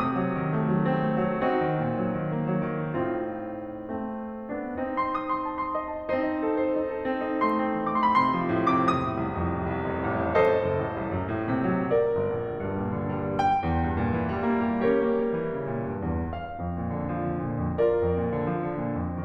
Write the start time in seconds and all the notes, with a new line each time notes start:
0.00 C3 D#6
0.15 F#3
0.37 D#3
0.51 A3
0.65 F#3
0.88 C4
1.06 A3
1.28 F#3
1.44 C4 D#4 F#4
1.63 D#3
1.76 A#2
1.93 F#3
2.19 D#3
2.38 A#3
2.55 F#3
2.77 D#3
3.00 A2 C4 D#4 F4
3.90 A3 C4
4.49 B3 D4
4.73 C4 D#4
4.88 C6
5.04 D#6
5.28 C6
5.45 A5
5.60 C6
5.78 D#5
5.94 A5
6.13 C4 D#4 C5
6.33 D#5
6.49 A4
6.69 C5
6.82 D#4
6.97 A4
7.12 C4 C6
7.29 D#4
7.45 A3 C6
7.58 C4
7.74 D#3
7.92 A3
8.10 C3
8.25 D#3 D6
8.32 C6
8.43 B5
8.50 A2 C6
8.65 C3 D6
8.82 F2 D#6
9.03 A2
9.21 C2
9.38 F2
9.52 A1
9.67 C2
9.88 F1
10.15 A1
10.34 A4 C5 D#5
10.59 F#1
10.79 A1
10.95 C2
11.12 F#2
11.38 A2
11.54 C3
11.73 F#3
11.94 A#4 D5
12.16 G1
12.34 A#1
12.50 D2
12.67 G2
12.89 A#2
13.06 D3
13.22 G3
13.41 G5
13.60 E2
13.83 G2
14.00 A#2
14.16 E3
14.32 G3
14.49 A#3
14.66 A3
14.83 C#4 G4 A#4 C#5
14.99 A#3
15.16 G3
15.31 E3
15.51 C#3
15.65 A#2
15.85 G2
16.15 E2
16.38 F5
16.56 F2
16.80 A#2
16.95 D3
17.14 F3
17.29 D3
17.44 A#2
17.81 F2 F4 A#4 D5
18.00 F2 A#2
18.25 D3
18.45 F3
18.63 D3
18.78 A#2
18.92 F2